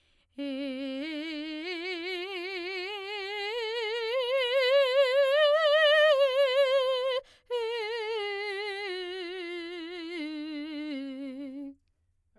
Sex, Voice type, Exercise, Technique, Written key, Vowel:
female, soprano, scales, vibrato, , e